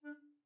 <region> pitch_keycenter=62 lokey=62 hikey=63 tune=1 volume=12.519714 offset=834 ampeg_attack=0.004000 ampeg_release=10.000000 sample=Aerophones/Edge-blown Aerophones/Baroque Tenor Recorder/Staccato/TenRecorder_Stac_D3_rr1_Main.wav